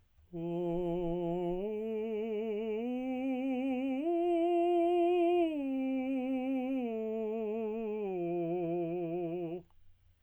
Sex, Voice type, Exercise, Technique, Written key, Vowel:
male, tenor, arpeggios, slow/legato piano, F major, o